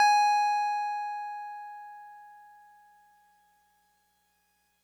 <region> pitch_keycenter=80 lokey=79 hikey=82 volume=7.628201 lovel=100 hivel=127 ampeg_attack=0.004000 ampeg_release=0.100000 sample=Electrophones/TX81Z/Piano 1/Piano 1_G#4_vl3.wav